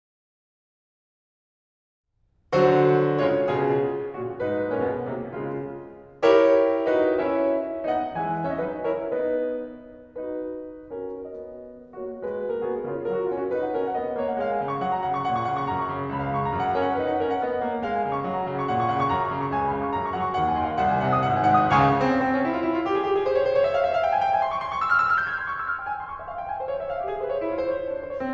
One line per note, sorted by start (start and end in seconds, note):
2.53 3.23 D3
2.53 3.23 F#3
2.53 3.23 F#4
2.53 3.23 C5
3.23 3.44 C#3
3.23 3.44 G#3
3.23 3.44 F4
3.23 3.44 C#5
3.44 3.63 B2
3.44 3.63 C#3
3.44 3.63 F4
3.44 3.63 G#4
4.13 4.36 A#2
4.13 4.36 C#3
4.13 4.36 F#4
4.13 4.36 A#4
4.38 4.71 G#2
4.38 4.71 D#4
4.38 4.71 B4
4.72 4.83 A#2
4.72 4.83 C#4
4.72 4.83 A#4
4.84 5.11 B2
4.84 5.11 B3
4.84 5.11 G#4
5.11 5.35 C3
5.11 5.35 A#3
5.11 5.35 F#4
5.36 5.84 C#3
5.36 5.84 G#3
5.36 5.84 F4
6.22 6.93 E4
6.22 6.93 G4
6.22 6.93 A#4
6.22 6.93 C#5
6.93 7.20 D#4
6.93 7.20 F#4
6.93 7.20 B4
6.93 7.20 D#5
7.20 7.57 C#4
7.20 7.57 E4
7.20 7.57 C#5
7.20 7.57 E5
7.93 8.16 B3
7.93 8.16 D#4
7.93 8.16 D#5
7.93 8.16 F#5
8.16 8.60 E3
8.16 8.50 G#3
8.16 8.50 E5
8.16 8.50 G#5
8.50 8.60 C#4
8.50 8.60 C#5
8.50 8.60 E5
8.60 8.82 F#3
8.60 8.82 D#4
8.60 8.82 B4
8.60 8.82 D#5
8.82 9.08 F#3
8.82 9.08 E4
8.82 9.08 A#4
8.82 9.08 C#5
9.09 9.61 B3
9.09 9.61 D#4
9.09 9.61 B4
9.09 9.61 D#5
10.19 10.95 D#4
10.19 10.95 F#4
10.19 10.95 B4
10.95 11.19 C#4
10.95 11.19 F#4
10.95 11.19 A#4
11.19 11.73 B3
11.19 11.73 F#4
11.19 11.73 D#5
11.96 12.20 A#3
11.96 12.20 F#4
11.96 12.20 C#5
12.21 12.60 G#3
12.21 12.72 F#4
12.21 12.60 B4
12.60 12.72 A#3
12.60 12.72 A#4
12.72 12.87 B3
12.72 12.87 F#4
12.72 12.87 G#4
12.87 13.08 C#3
12.87 13.08 F4
12.87 13.08 C#5
13.08 13.33 F#3
13.08 13.22 A#4
13.23 13.33 F#4
13.34 13.51 C#4
13.34 13.42 F4
13.43 13.51 F#4
13.52 13.75 D#4
13.52 13.61 B4
13.62 13.75 F#5
13.75 13.94 C#4
13.75 13.85 A#4
13.85 13.94 F#5
13.94 14.14 B3
13.94 14.06 D#5
14.06 14.14 F#5
14.14 14.35 A#3
14.14 14.23 C#5
14.23 14.35 F#5
14.35 14.57 G#3
14.35 14.48 F5
14.48 14.57 G#5
14.57 14.85 C#3
14.57 14.67 F5
14.69 14.85 C#6
14.86 15.05 F#3
14.86 14.95 F#5
14.96 15.05 A#5
15.06 15.25 C#3
15.06 15.17 F#5
15.17 15.25 C#6
15.25 15.52 A#2
15.25 15.36 F#5
15.36 15.52 C#6
15.52 15.72 C#3
15.52 15.64 A#5
15.64 15.72 C#6
15.72 15.92 F#2
15.72 15.81 A#5
15.81 15.92 C#6
15.92 16.11 C#3
15.92 16.01 A#5
16.01 16.11 C#6
16.13 16.30 C#2
16.13 16.21 G#5
16.22 16.30 B5
16.33 16.54 C#3
16.33 16.45 F5
16.46 16.54 C#6
16.56 16.76 F#2
16.56 16.66 A#5
16.66 16.76 F#5
16.76 16.97 C#4
16.76 16.88 A#4
16.88 16.97 F#5
16.97 17.16 D#4
16.97 17.08 B4
17.08 17.16 F#5
17.16 17.37 C#4
17.16 17.25 A#4
17.25 17.37 F#5
17.37 17.57 B3
17.37 17.46 D#5
17.46 17.57 F#5
17.58 17.80 A#3
17.58 17.67 C#5
17.68 17.80 F#5
17.81 18.10 G#3
17.81 17.98 F5
17.99 18.10 G#5
18.10 18.28 C#3
18.10 18.19 F5
18.19 18.28 C#6
18.28 18.47 F#3
18.28 18.38 F#5
18.38 18.47 A#5
18.47 18.69 C#3
18.47 18.56 F#5
18.56 18.69 C#6
18.69 18.95 A#2
18.69 18.84 F#5
18.84 18.95 C#6
18.95 19.18 C#3
18.95 19.07 A#5
19.09 19.18 C#6
19.19 19.36 F#2
19.19 19.27 A#5
19.28 19.36 C#6
19.38 19.53 C#3
19.38 19.45 A#5
19.45 19.53 C#6
19.53 19.74 C#2
19.53 19.63 G#5
19.63 19.74 B5
19.74 19.95 C#3
19.74 19.83 F5
19.83 19.95 C#6
19.95 20.19 F#2
19.95 20.06 A#5
20.06 20.19 C#6
20.19 20.39 F#3
20.19 20.29 F#5
20.19 20.29 A#5
20.29 20.39 C#6
20.40 20.58 D#2
20.40 20.47 F#5
20.48 20.58 G#5
20.60 20.77 D#3
20.60 20.68 F#5
20.69 20.77 B5
20.78 20.99 B1
20.78 20.89 F#5
20.89 20.99 G#5
20.99 21.19 B2
20.99 21.08 F#5
21.09 21.19 D#6
21.19 21.45 G#1
21.19 21.35 F#5
21.36 21.45 G#5
21.47 21.70 G#2
21.47 21.57 F#5
21.57 21.70 D#6
21.70 21.99 C#2
21.70 21.99 C#3
21.70 21.99 F5
21.70 21.99 G#5
21.70 21.99 C#6
22.02 22.10 C4
22.17 22.29 C#4
22.30 22.39 C4
22.39 22.49 C#4
22.49 22.58 E4
22.58 22.65 F4
22.65 22.74 E4
22.74 22.86 F4
22.86 22.98 G4
22.98 23.06 G#4
23.06 23.15 G4
23.15 23.25 G#4
23.28 23.36 C5
23.37 23.43 C#5
23.44 23.53 C5
23.54 23.63 C#5
23.63 23.74 E5
23.74 23.83 F5
23.83 23.95 E5
23.95 24.04 F5
24.04 24.12 G5
24.12 24.25 G#5
24.25 24.38 G5
24.38 24.47 G#5
24.47 24.57 C6
24.57 24.65 C#6
24.66 24.75 C6
24.76 24.87 C#6
24.88 24.98 E6
25.00 25.09 F6
25.09 25.18 E6
25.18 25.30 F6
25.30 25.39 G6
25.39 25.47 G#6
25.47 25.55 C6
25.55 25.63 C#6
25.63 25.72 E6
25.72 25.80 F6
25.80 25.90 G5
25.91 25.99 G#5
26.01 26.09 C6
26.10 26.18 C#6
26.19 26.28 E5
26.28 26.38 F5
26.38 26.48 G5
26.48 26.57 G#5
26.57 26.68 C5
26.68 26.81 C#5
26.81 26.90 E5
26.90 27.00 F5
27.00 27.10 G4
27.10 27.24 G#4
27.25 27.33 C5
27.36 27.45 C#5
27.46 27.55 E4
27.56 27.68 F4
27.68 27.78 C5
27.78 27.87 C#5
27.87 27.96 C4
27.96 28.05 C#4
28.05 28.15 C5
28.15 28.23 C#5
28.23 28.34 C4